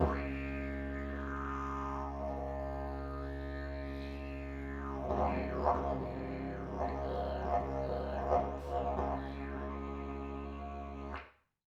<region> pitch_keycenter=62 lokey=62 hikey=62 volume=5.000000 ampeg_attack=0.004000 ampeg_release=1.000000 sample=Aerophones/Lip Aerophones/Didgeridoo/Didgeridoo1_Phrase1_Main.wav